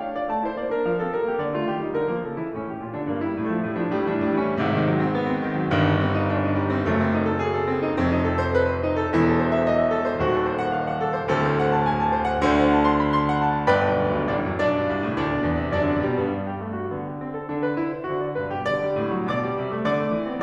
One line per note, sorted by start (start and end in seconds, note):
0.00 0.14 D4
0.00 0.14 F5
0.14 0.34 F4
0.14 0.34 D5
0.34 0.52 A3
0.34 0.52 A5
0.53 0.63 E4
0.53 0.63 C5
0.63 0.74 A#3
0.63 0.74 D5
0.75 0.91 D4
0.75 0.91 A#4
0.91 1.01 F3
0.91 1.01 F5
1.01 1.14 C4
1.01 1.14 A4
1.15 1.31 G3
1.15 1.31 A#4
1.31 1.44 A#3
1.31 1.44 G4
1.47 1.57 D3
1.47 1.57 D5
1.57 1.73 A3
1.57 1.73 F4
1.73 1.85 D#3
1.73 1.85 G4
1.87 2.00 G3
1.87 2.00 D#4
2.00 2.10 D3
2.00 2.10 A#4
2.10 2.25 F3
2.10 2.25 A#3
2.26 2.39 C#3
2.26 2.39 A4
2.39 2.53 E3
2.39 2.53 E4
2.54 2.69 A2
2.54 2.69 C#4
2.69 2.80 E3
2.69 2.80 G4
2.80 2.97 A#2
2.80 2.97 F4
2.98 3.08 D3
2.98 3.08 D4
3.08 3.17 G2
3.08 3.17 A#3
3.18 3.37 G3
3.18 3.37 E4
3.37 3.47 A2
3.37 3.47 D4
3.47 3.63 F3
3.47 3.63 A3
3.65 3.81 A2
3.65 3.81 G#3
3.81 3.94 F3
3.81 3.94 D4
3.94 4.08 A2
3.94 4.08 G3
4.08 4.27 E3
4.08 4.27 D4
4.27 4.40 A2
4.27 4.40 G3
4.42 4.53 E3
4.42 4.53 C#4
4.53 5.70 G#1
4.53 5.70 G#2
4.53 4.81 C3
4.81 4.93 D#3
4.95 5.04 F#3
5.04 5.18 C4
5.19 5.35 B3
5.35 5.47 C4
5.47 5.56 D#3
5.60 5.70 F#3
5.70 6.79 G1
5.70 6.79 G2
5.70 5.82 D#3
5.83 5.98 G3
5.98 6.14 C4
6.14 6.29 D#4
6.30 6.41 D4
6.41 6.54 D#4
6.54 6.65 G3
6.69 6.79 C4
6.79 8.02 F#1
6.79 8.02 F#2
6.79 6.92 A3
6.95 7.14 C4
7.14 7.26 D#4
7.26 7.42 A4
7.44 7.66 G#4
7.66 7.76 A4
7.77 7.89 C4
7.89 8.02 D#4
8.02 9.20 F1
8.02 9.20 F2
8.02 8.16 C4
8.17 8.35 D#4
8.35 8.46 A4
8.46 8.59 C5
8.59 8.72 B4
8.72 8.87 C5
8.88 8.97 E4
8.97 9.20 A4
9.20 10.17 E1
9.20 10.17 E2
9.20 9.35 E4
9.36 9.46 A4
9.46 9.57 C5
9.58 9.67 E5
9.67 9.80 D#5
9.80 9.89 E5
9.90 10.01 A4
10.01 10.17 C5
10.18 11.25 D#1
10.18 11.25 D#2
10.18 10.27 F#4
10.27 10.46 A4
10.46 10.57 C5
10.58 10.68 F#5
10.68 10.82 F5
10.82 10.91 F#5
10.92 11.13 A4
11.13 11.25 C5
11.26 12.49 D1
11.26 12.49 D2
11.26 11.40 A4
11.40 11.53 C5
11.53 11.71 F#5
11.74 11.87 A5
11.87 12.04 G#5
12.05 12.19 A5
12.19 12.34 C5
12.34 12.49 F#5
12.50 13.72 D2
12.50 13.72 D3
12.50 12.62 C5
12.62 12.75 F#5
12.75 12.86 A5
12.88 12.98 C6
12.98 13.14 B5
13.14 13.27 C6
13.28 13.44 F#5
13.44 13.72 A5
13.72 13.86 G1
13.72 14.02 B4
13.72 14.02 D5
13.72 14.02 G5
13.72 14.02 B5
13.87 14.02 B1
14.05 14.20 D2
14.20 14.44 G2
14.44 14.54 A1
14.44 14.66 D4
14.44 14.66 D5
14.54 14.66 F#2
14.66 14.77 B1
14.66 15.20 D4
14.66 15.20 D5
14.79 14.88 G2
14.88 15.05 C2
15.05 15.20 A2
15.21 15.41 D2
15.21 15.71 D4
15.21 15.71 D5
15.41 15.50 B2
15.51 15.60 E2
15.60 15.71 C3
15.71 15.81 F#2
15.71 15.94 D4
15.71 15.94 D5
15.84 15.94 D3
15.94 16.18 A#2
15.94 16.18 G3
16.20 16.63 G2
16.20 16.31 B3
16.31 16.51 D4
16.51 16.63 G4
16.65 16.90 D3
16.65 16.75 A3
16.75 16.90 F#4
16.90 17.48 D3
16.90 17.11 B3
17.12 17.23 G4
17.23 17.32 C4
17.33 17.48 A4
17.48 18.08 D3
17.48 17.62 D4
17.62 17.76 B4
17.77 17.94 E4
17.94 18.08 C5
18.09 18.39 D3
18.09 18.27 F#4
18.27 18.39 D5
18.39 18.53 G2
18.39 18.53 B4
18.54 18.70 B2
18.54 18.70 G4
18.70 18.85 D3
18.70 19.28 D5
18.85 18.99 G3
18.99 19.13 A2
19.13 19.28 F#3
19.30 19.49 B2
19.30 19.89 D5
19.30 19.89 D6
19.49 19.63 G3
19.63 19.74 C3
19.76 19.89 A3
19.89 20.06 D3
19.89 20.42 D5
19.89 20.42 D6
20.07 20.18 B3
20.18 20.33 E3
20.33 20.42 C4